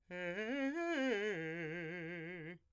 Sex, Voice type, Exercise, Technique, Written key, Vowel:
male, , arpeggios, fast/articulated piano, F major, e